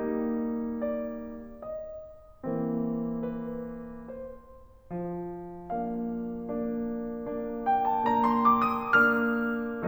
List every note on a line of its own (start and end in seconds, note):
0.01 1.49 G3
0.01 1.49 A#3
0.01 1.49 D#4
0.83 1.49 D5
1.52 2.43 D#5
2.44 4.10 E3
2.44 4.10 A#3
2.44 4.10 C4
3.44 4.10 B4
4.12 4.92 C5
4.93 9.87 F3
5.66 6.22 A#3
5.66 6.22 D4
5.66 7.66 F5
6.23 6.82 A#3
6.23 6.82 D4
6.83 8.02 A#3
6.83 8.02 D4
7.67 8.02 G5
7.84 8.20 A5
8.05 8.97 A#3
8.05 8.97 D4
8.05 8.36 A#5
8.21 8.79 C6
8.42 8.97 D6
8.81 9.17 D#6
8.98 9.87 A#3
8.98 9.87 D4
8.98 9.89 F6